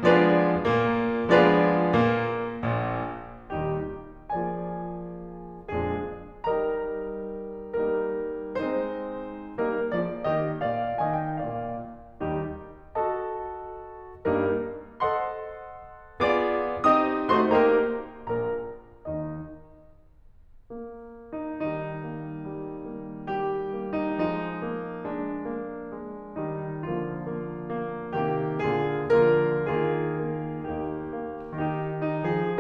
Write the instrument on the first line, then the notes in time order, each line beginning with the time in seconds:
piano
0.00 F3 G#3 B3 D4 F4 G#4 B4 D5
0.62 A#2 A#3
1.25 F3 G#3 B3 D4 F4 G#4 B4 D5
1.94 A#2 A#3
2.66 A#1 A#2
3.55 D#2 A#2 D#3 G3 D#4 G4
4.30 F3 A#3 F4 G#4 D5 G#5
5.78 F2 A#2 F3 G#3 D4 G#4
6.46 G3 D#4 G4 A#4 D#5 A#5
7.83 G3 A#3 D#4 A#4
8.56 G#3 C4 D#4 C5
9.59 G3 A#3 D#4 A#4
9.91 F3 A#3 G#4 D5
10.25 D#3 A#3 G4 D#5
10.62 A#2 A#3 D5 F5
10.97 D#3 A#3 D#5 G#5
11.11 G5
11.32 A#2 A#3 D5 F5
12.21 D#2 D#3 G3 D#4 G4
12.96 F#4 A4 D#5 A5
14.30 G2 G3 A#3 D#4 A#4
15.00 A4 C5 D#5 F#5 C6
16.20 A#3 F4 G#4 D5 D6
16.85 C4 D#4 G4 D#5 D#6
17.30 A3 D#4 F#4 C5 C6
17.48 A#3 D#4 G4 A#4 A#5
18.18 A#1 A#2 A#4 A#5
19.09 D#2 D#3 D#4 D#5
20.77 A#3
21.35 D#4
21.63 D#3 G3 D#4
22.08 A#3
22.44 G3
22.87 A#3
23.29 G3 G4
23.70 A#3
23.94 D#4
24.20 F3 G#3 D#4
24.66 A#3
25.07 G#3 D4
25.47 A#3
25.90 G#3
26.38 D#3 G3 D#4
26.92 D3 F3 A#3 F4
27.36 A#3
27.72 A#3
28.17 C3 D#3 A#3 G4
28.67 A#2 D3 A#3 F4 G#4
29.26 D3 F3 A#3 F4 A#4
29.73 D#3 A#3 F4 G#4
30.20 A#3
30.71 D#2 A#3 D#4 G4
31.21 A#3
31.53 D#3 D#4 G4
32.01 D#4
32.28 F3 G#4